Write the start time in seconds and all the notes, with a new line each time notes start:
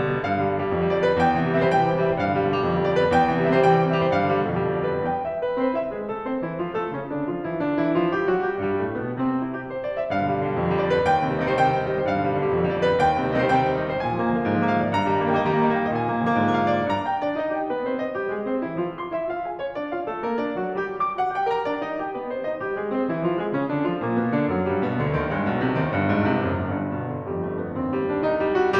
0.01 G3
0.09 B2 D3
0.19 G2 F5
0.26 B2 D3
0.35 G3
0.44 B2 D3
0.52 G3
0.63 B2 D3
0.73 F2
0.82 B2 D3
0.90 G3 D5
0.97 B2 D3
1.05 G3 B4
1.13 B2 D3
1.22 E2 G5
1.32 C3 E3
1.40 G3
1.47 C3 E3
1.52 G3 E5
1.61 C3 E3 C5
1.71 G3 G5
1.78 C3 E3
1.86 G3
1.91 C3 E3
1.99 G3 E5
2.07 C3 E3 C5
2.15 G2 F5
2.25 B2 D3
2.33 G3
2.40 B2 D3
2.47 G3
2.53 B2 D3
2.61 F2
2.66 B2 D3
2.76 G3 D5
2.86 B2 D3
2.95 G3 B4
3.05 B2 D3
3.13 E2 G5
3.23 C3 E3
3.34 G3
3.42 C3 E3
3.50 G3 E5
3.56 C3 E3 C5
3.65 G3 G5
3.74 C3 E3
3.80 G3
3.87 C3 E3
3.95 G3 E5
4.03 C3 E3 C5
4.13 G2 F5
4.17 B2 D3
4.24 G3
4.31 B2 D3
4.41 G3
4.52 B2 D3
4.60 F2
4.66 B2 D3
4.73 G3 D5
4.82 B2 D3
4.91 G3 B4
4.97 B2 D3
5.07 E2 G5
5.23 E5
5.44 B3 B4
5.61 C4 C5
5.78 E4 E5
5.95 G#3 G#4
6.12 A3 A4
6.26 C4 C5
6.41 E3 E4
6.62 F3 F4
6.76 A3 A4
6.91 C#3 C#4
7.09 D3 D4
7.25 F3 F4
7.44 E3 E4
7.61 D3 D4
7.81 E3 E4
8.01 F3 F4
8.14 G3 G4
8.30 F#3 F#4
8.45 G3 G4
8.61 G2 G3
8.81 A2 A3
8.97 B2 B3
9.19 C3 C4
9.36 E4
9.54 G4
9.69 C5
9.82 D5
9.98 E5
10.09 G2 F5
10.15 B2 D3
10.26 G3
10.32 B2 D3 G3
10.44 B2 D3
10.54 F2
10.61 B2 D3
10.70 G3 D5
10.77 B2 D3
10.85 G3 B4
10.93 B2 D3
11.04 D#2 G5
11.16 C3 D#3
11.24 G3
11.34 C3 D#3
11.43 G3 D#5
11.52 C3 D#3 C5
11.63 G3 G5
11.71 C3 D#3
11.80 G3
11.87 C3 D#3
11.92 G3 D#5
11.98 C3 D#3 C5
12.03 G2 F5
12.13 B2 D3
12.21 G3
12.30 B2 D3
12.39 G3
12.46 B2 D3
12.57 F2
12.65 B2 D3
12.74 B2 D3 G3 D5
12.86 G3 B4
12.94 B2 D3
13.02 E2 G5
13.11 C3 D#3
13.19 G3
13.28 C3 D#3
13.33 G3 D#5
13.42 C3 D#3 C5
13.48 G3 G5
13.55 C3 D#3
13.64 G3
13.72 C3 D#3
13.79 G3 D#5
13.88 C3 D#3 C5
13.97 A#2 G#5
14.05 D3 F3
14.12 A#3
14.19 D3 F3
14.29 A#3
14.39 D3 F3
14.47 G#2
14.53 D3 F3
14.60 A#3 F5
14.68 D3 F3
14.77 A#3 D5
14.85 D3 F3
14.94 G2 A#5
15.02 D#3 G3
15.11 A#3
15.20 D#3 G3
15.27 A#3 G5
15.35 D#3 G3 D#5
15.45 A#3 A#5
15.54 D#3 G3
15.60 A#3
15.67 D#3 G3
15.76 A#3 G5
15.84 D#3 G3 D#5
15.91 A#2 G#5
15.98 D3 F3
16.05 A#3
16.12 D3 F3
16.19 A#3
16.25 D3 F3
16.33 G#2
16.40 D3 F3
16.47 A#3 F5
16.57 D3 F3
16.67 A#3 D5
16.78 D3 F3
16.86 G2 A#5
17.06 G5
17.21 D4 D5
17.35 D#4 D#5
17.53 G4 G5
17.70 B3 B4
17.83 C4 C5
18.02 D#4 D#5
18.20 G3 G4
18.37 G#3 G#4
18.45 C4 C5
18.62 E3 E4
18.80 F3 F4
18.96 C6
19.14 E4 E5
19.30 F4 F5
19.43 G#4 G#5
19.59 C#4 C#5
19.75 D4 D5
19.92 F4 F5
20.07 A3 A4
20.22 A#3 A#4
20.39 D4 D5
20.58 F#3 F#4
20.83 G3 G4
21.03 D6
21.21 F#4 F#5
21.34 G4 G5
21.47 A#4 A#5
21.66 D4 D5
21.81 D#4 D#5
21.98 G4 G5
22.17 B3 B4
22.31 C4 C5
22.51 D#4 D#5
22.63 G3 G4
22.78 G#3 G#4
22.97 C4 C5
23.07 E3 E4
23.26 F3 F4
23.37 G#3 G#4
23.53 C#3 C#4
23.71 D3 D4
23.89 F3 F4
24.03 A#2 A#3
24.17 B2 B3
24.31 D3 D4
24.50 F#2 F#3
24.64 G2 G3
24.82 B2 B3
24.97 D2 D3
25.14 D#2 D#3
25.32 G2 G3
25.48 B1 B2
25.59 C2 C3
25.73 D#2 D#3
25.92 G1 G2
26.08 G#1 G#2
26.29 C2 C3
26.48 F#1 F#2
26.64 G1 G2
26.80 B2
27.02 D3
27.25 F2 G3
27.42 A3
27.61 B3
27.81 D#2 C4
27.95 G3
28.13 D4
28.24 C2 D#4
28.43 G3
28.58 F#4